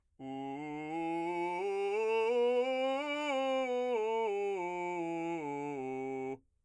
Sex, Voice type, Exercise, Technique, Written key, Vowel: male, , scales, belt, , u